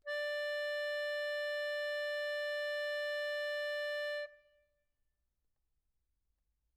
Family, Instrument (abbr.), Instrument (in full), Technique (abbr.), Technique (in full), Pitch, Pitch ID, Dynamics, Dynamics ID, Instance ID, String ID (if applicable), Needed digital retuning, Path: Keyboards, Acc, Accordion, ord, ordinario, D5, 74, mf, 2, 3, , FALSE, Keyboards/Accordion/ordinario/Acc-ord-D5-mf-alt3-N.wav